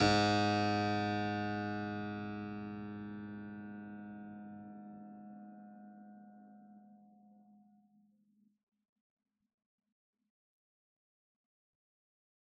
<region> pitch_keycenter=44 lokey=44 hikey=44 volume=-0.665575 trigger=attack ampeg_attack=0.004000 ampeg_release=0.400000 amp_veltrack=0 sample=Chordophones/Zithers/Harpsichord, Unk/Sustains/Harpsi4_Sus_Main_G#1_rr1.wav